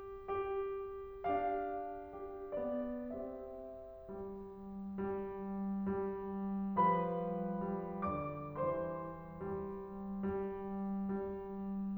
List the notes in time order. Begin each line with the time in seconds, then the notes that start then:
0.00 G4
1.27 D4 G4 F5
2.14 G4
2.59 B3 D5
3.13 C4 G4 E5
4.09 G3
5.06 G3
5.80 G3
6.79 F3 G3 B4 B5
7.47 G3
7.95 D3 D5 D6
8.56 E3 G3 C5 C6
9.67 G3
10.54 G3
11.31 G3